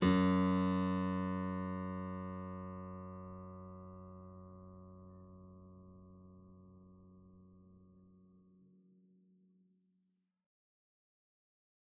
<region> pitch_keycenter=42 lokey=42 hikey=43 volume=0.237349 offset=166 trigger=attack ampeg_attack=0.004000 ampeg_release=0.350000 amp_veltrack=0 sample=Chordophones/Zithers/Harpsichord, English/Sustains/Normal/ZuckermannKitHarpsi_Normal_Sus_F#1_rr1.wav